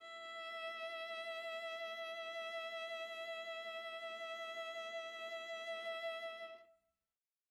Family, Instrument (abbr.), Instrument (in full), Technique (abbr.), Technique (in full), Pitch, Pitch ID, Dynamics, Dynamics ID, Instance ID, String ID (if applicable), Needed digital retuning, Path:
Strings, Va, Viola, ord, ordinario, E5, 76, mf, 2, 1, 2, TRUE, Strings/Viola/ordinario/Va-ord-E5-mf-2c-T11u.wav